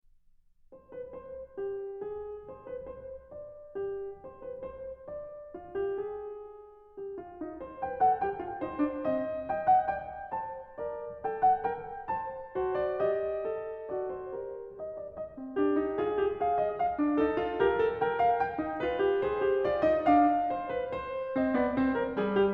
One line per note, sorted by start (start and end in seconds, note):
0.05 0.31 C5
0.31 0.75 B4
0.75 1.55 C5
1.55 2.00 G4
2.00 2.51 G#4
2.51 2.70 C5
2.69 2.87 B4
2.87 3.31 C5
3.31 3.74 D5
3.74 4.24 G4
4.24 4.45 C5
4.45 4.67 B4
4.67 5.07 C5
5.07 5.55 D5
5.55 5.77 F4
5.77 6.04 G4
6.04 7.01 G#4
6.99 7.15 G4
7.15 7.39 F4
7.39 7.60 D#4
7.60 7.80 C5
7.80 8.01 B4
7.80 8.01 G5
8.01 8.28 A4
8.01 8.28 F#5
8.28 8.44 G4
8.28 8.65 G5
8.44 8.65 F4
8.65 8.82 D#4
8.65 9.03 C5
8.82 9.03 D4
9.03 9.48 C4
9.03 9.48 D#5
9.48 9.87 D#5
9.48 9.67 G5
9.67 9.87 F#5
9.87 10.33 D5
9.87 10.33 G5
10.33 10.78 C5
10.33 10.78 A5
10.78 11.24 A#4
10.78 11.24 D5
11.24 11.63 A4
11.24 11.44 G5
11.44 11.57 F#5
11.63 12.11 A#4
11.63 12.11 G5
12.11 12.55 C5
12.11 12.55 A5
12.55 13.04 F#4
12.55 12.79 C5
12.79 13.04 D5
13.04 13.49 G4
13.04 13.91 D#5
13.49 13.91 A4
13.91 14.36 F#4
13.91 14.12 D5
14.12 14.36 C5
14.36 15.14 G4
14.36 14.80 A#4
14.80 15.01 D#5
15.01 15.19 D5
15.19 15.56 D#5
15.37 15.56 C4
15.56 15.75 D4
15.56 16.00 G4
15.75 16.00 D#4
16.00 16.20 F4
16.00 16.44 G#4
16.20 16.44 G4
16.44 16.94 G#4
16.44 16.61 F5
16.61 16.72 D#5
16.76 17.19 F5
16.96 17.19 D4
17.19 17.39 D#4
17.19 17.58 A4
17.39 17.58 F4
17.58 17.81 G4
17.58 18.01 A#4
17.81 18.01 A4
18.01 18.59 A#4
18.01 18.22 G5
18.22 18.38 F5
18.38 18.74 G5
18.59 18.81 D#4
18.81 19.00 F4
18.81 19.21 B4
19.00 19.23 G4
19.23 19.46 G#4
19.23 19.60 C5
19.46 19.64 G4
19.64 19.84 F4
19.64 19.84 D5
19.84 20.07 D#4
19.84 20.07 D#5
20.07 20.47 D4
20.07 21.37 F5
20.51 20.73 C5
20.73 20.96 B4
20.96 21.48 C5
21.37 21.52 C4
21.37 21.52 D#5
21.52 21.74 B3
21.52 21.74 D5
21.74 22.15 C4
21.74 21.94 C5
21.94 22.15 A#4
22.15 22.53 G3
22.15 22.34 G#4
22.34 22.53 G4